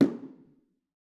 <region> pitch_keycenter=64 lokey=64 hikey=64 volume=7.724366 offset=213 lovel=100 hivel=127 seq_position=2 seq_length=2 ampeg_attack=0.004000 ampeg_release=15.000000 sample=Membranophones/Struck Membranophones/Bongos/BongoL_HitMuted2_v3_rr2_Mid.wav